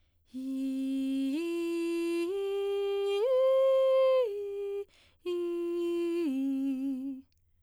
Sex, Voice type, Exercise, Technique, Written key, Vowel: female, soprano, arpeggios, breathy, , i